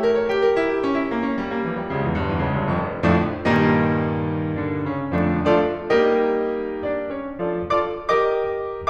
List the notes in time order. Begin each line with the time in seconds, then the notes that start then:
0.00 A#4
0.13 C#5
0.26 G4
0.37 A#4
0.53 E4
0.70 G4
0.82 C#4
0.98 E4
1.09 A#3
1.22 C#4
1.37 G3
1.52 A#3
1.64 E3
1.79 G3
1.93 C#2 C#3
2.07 E2 E3
2.21 G1 G2
2.33 E2 E3
2.48 C#2 C#3
2.62 G1 G2
2.75 F1 F2
3.09 F2 A2 D3 F3 A3 D4
3.42 G2 A#2 D#3 G3 A#3 D#4
4.62 D3 D4
4.88 C#3 C#4
5.17 F2 A2 D3 F3 A3 D4
5.47 F3 A3 D4 F4 A4 D5
5.93 G3 A#3 D#4 G4 A#4 D#5
6.83 D4 D5
7.08 C#4 C#5
7.36 F3 A3 D4 F4 A4 D5
7.71 F4 A4 D5 D6
8.02 G4 A#4 D#5 D6